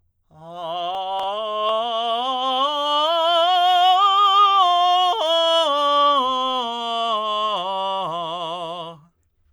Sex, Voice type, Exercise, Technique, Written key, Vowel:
male, tenor, scales, slow/legato forte, F major, a